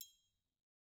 <region> pitch_keycenter=66 lokey=66 hikey=66 volume=20.528999 offset=182 lovel=0 hivel=83 seq_position=1 seq_length=2 ampeg_attack=0.004000 ampeg_release=30.000000 sample=Idiophones/Struck Idiophones/Triangles/Triangle3_HitFM_v1_rr1_Mid.wav